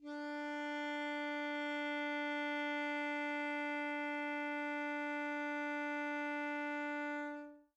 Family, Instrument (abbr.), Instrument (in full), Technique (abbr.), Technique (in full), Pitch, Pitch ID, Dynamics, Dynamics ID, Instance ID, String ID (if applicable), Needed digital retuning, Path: Winds, ASax, Alto Saxophone, ord, ordinario, D4, 62, mf, 2, 0, , FALSE, Winds/Sax_Alto/ordinario/ASax-ord-D4-mf-N-N.wav